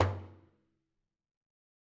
<region> pitch_keycenter=62 lokey=62 hikey=62 volume=14.870966 lovel=84 hivel=127 seq_position=2 seq_length=2 ampeg_attack=0.004000 ampeg_release=15.000000 sample=Membranophones/Struck Membranophones/Frame Drum/HDrumL_HitMuted_v3_rr2_Sum.wav